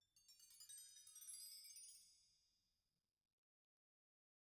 <region> pitch_keycenter=60 lokey=60 hikey=60 volume=25.000000 offset=290 ampeg_attack=0.004000 ampeg_release=15.000000 sample=Idiophones/Struck Idiophones/Bell Tree/Stroke/BellTree_Stroke_1_Mid.wav